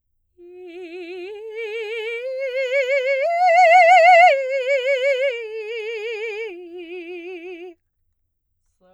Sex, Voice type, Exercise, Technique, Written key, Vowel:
female, soprano, arpeggios, slow/legato piano, F major, i